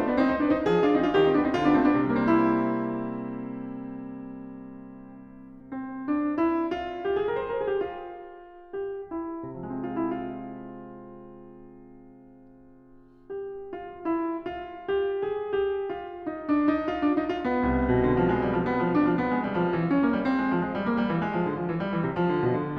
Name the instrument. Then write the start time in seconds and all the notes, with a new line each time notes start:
piano
0.00 A3 C5
0.09 B3 D5
0.21 C4 D#4
0.30 D#4 C5
0.44 D4 B4
0.56 D#4 C5
0.67 F3 G#4
0.84 D4 F4
0.98 C4 D#4
1.03 D4 F4
1.16 D#3 G4
1.30 C4 D#4
1.46 B3 D4
1.60 C4 D#4
1.78 D3 F4
1.92 B3 D4
2.07 A3 C4
2.23 B3 D4
2.39 C3
2.44 G3
2.51 A#3
2.74 E4
5.51 C4
6.05 D4
6.36 E4
6.72 F4
7.02 G4
7.16 G#4
7.30 A#4
7.43 C5
7.51 A#4
7.60 G#4
7.74 G4
7.89 F4
8.74 G4
9.13 E4
9.50 C3 F4
9.59 F3 G#3
9.65 E4
9.69 C4 F4
13.46 G4
13.73 F4
14.05 E4
14.35 F4
14.83 G4
15.16 G#4
15.56 G4
15.89 F4
16.31 D#4
16.49 D4
16.74 D#4
16.92 F4
17.03 D4
17.18 D#4
17.29 F4
17.47 B3
17.67 C2
17.86 B2
18.05 D3
18.19 F3
18.32 G#3
18.43 G3
18.54 F3
18.70 B3
18.82 F3
18.95 D4
19.05 F3
19.21 B3
19.35 G#3
19.47 G3
19.55 F3
19.73 E3
19.89 C#4
20.03 A#3
20.09 G3
20.21 C4
20.38 G#3
20.49 F3
20.62 G#3
20.76 G3
20.87 A#3
20.99 G3
21.13 E3
21.23 G#3
21.34 F3
21.46 D3
21.56 F3
21.69 E3
21.78 G3
21.90 E3
22.01 C3
22.16 F3
22.33 D3
22.47 B2
22.63 D3